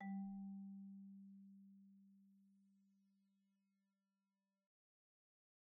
<region> pitch_keycenter=55 lokey=52 hikey=57 volume=27.614759 offset=59 xfin_lovel=0 xfin_hivel=83 xfout_lovel=84 xfout_hivel=127 ampeg_attack=0.004000 ampeg_release=15.000000 sample=Idiophones/Struck Idiophones/Marimba/Marimba_hit_Outrigger_G2_med_01.wav